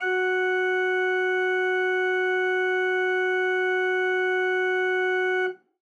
<region> pitch_keycenter=66 lokey=66 hikey=67 tune=1 volume=5.788157 ampeg_attack=0.004000 ampeg_release=0.300000 amp_veltrack=0 sample=Aerophones/Edge-blown Aerophones/Renaissance Organ/Full/RenOrgan_Full_Room_F#3_rr1.wav